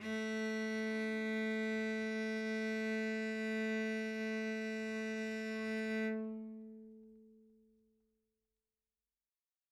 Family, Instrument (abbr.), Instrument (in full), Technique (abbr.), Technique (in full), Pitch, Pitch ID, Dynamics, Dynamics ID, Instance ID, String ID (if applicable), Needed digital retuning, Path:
Strings, Vc, Cello, ord, ordinario, A3, 57, mf, 2, 0, 1, FALSE, Strings/Violoncello/ordinario/Vc-ord-A3-mf-1c-N.wav